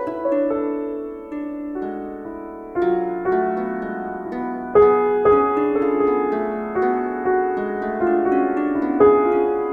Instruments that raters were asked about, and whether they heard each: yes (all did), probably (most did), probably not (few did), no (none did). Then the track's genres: piano: yes
bass: no
Avant-Garde